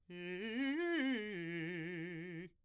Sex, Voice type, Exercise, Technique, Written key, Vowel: male, , arpeggios, fast/articulated piano, F major, i